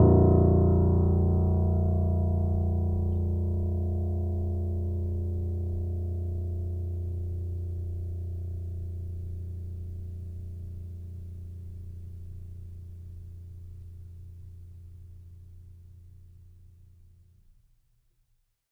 <region> pitch_keycenter=22 lokey=21 hikey=23 volume=-1.007117 lovel=0 hivel=65 locc64=0 hicc64=64 ampeg_attack=0.004000 ampeg_release=0.400000 sample=Chordophones/Zithers/Grand Piano, Steinway B/NoSus/Piano_NoSus_Close_A#0_vl2_rr1.wav